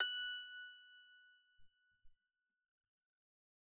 <region> pitch_keycenter=90 lokey=90 hikey=91 tune=-7 volume=12.859463 ampeg_attack=0.004000 ampeg_release=15.000000 sample=Chordophones/Zithers/Psaltery, Bowed and Plucked/Pluck/BowedPsaltery_F#5_Main_Pluck_rr3.wav